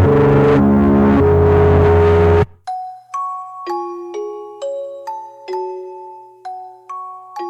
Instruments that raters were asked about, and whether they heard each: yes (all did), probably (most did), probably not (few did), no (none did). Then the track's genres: mallet percussion: yes
bass: probably
violin: no
Grindcore